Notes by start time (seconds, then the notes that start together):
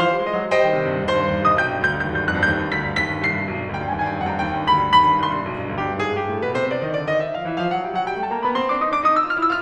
0.00 F3 C5 F5 C6
0.14 G3
0.26 G#3 C5 D#5
0.37 F#3
0.50 G3 C5 D#5 G5
0.63 D#3
0.75 C3
0.89 G2
1.09 D#2 C5 C6
1.24 G2
1.37 D#2
1.49 C2 D#5 D#6
1.60 B1 G5 G6
1.73 G2
1.85 D2 G6
2.01 G2
2.14 D#2 G6
2.19 G#6
2.25 F2 G2 G6 G#6
2.32 G#6
2.39 G2 F#6
2.45 G6
2.52 D#2 G6
2.62 G2
2.74 D2 B6
2.80 G2
2.94 D#2 B6
3.07 G2
3.20 C2 C7
3.33 G2
3.47 B1
3.61 G2
3.72 D2 G5
3.85 G2
3.98 D#2 G5
4.05 G#5
4.14 G2 G5
4.21 G#5
4.27 F2 G5
4.34 G#5
4.40 G2 F#5
4.45 G5
4.50 D#2 G5
4.62 G2
4.74 D2 B5
4.85 G2
4.98 D#2 B5
5.11 G2
5.24 C2 C6
5.36 G2
5.50 B1
5.63 G2
5.74 D2 G4
5.86 G2
6.01 G#2 G#4
6.15 G2 G4
6.32 A2 A4
6.43 B2 B4
6.56 C3 C5
6.69 D3 D5
6.82 D#3 D#5
6.93 D3 D5
7.05 D#3 D#5
7.23 E3 E5
7.35 F3 F5
7.48 E3 E5
7.59 F3 F5
7.73 F#3 F#5
7.89 G3 G5
8.01 F#3 F#5
8.10 G3 G5
8.23 A3 A5
8.32 A#3 A#5
8.44 B3 B5
8.57 C4 C6
8.68 D4 D6
8.79 D#4 D#6
8.92 D4 D6
9.03 D#4 D#6
9.15 E4 E6
9.26 F4 F6
9.39 E4 E6
9.52 F4 F6